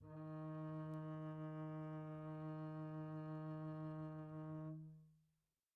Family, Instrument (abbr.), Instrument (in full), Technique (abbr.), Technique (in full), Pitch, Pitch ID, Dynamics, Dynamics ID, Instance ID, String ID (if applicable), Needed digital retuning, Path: Strings, Cb, Contrabass, ord, ordinario, D#3, 51, pp, 0, 2, 3, TRUE, Strings/Contrabass/ordinario/Cb-ord-D#3-pp-3c-T18d.wav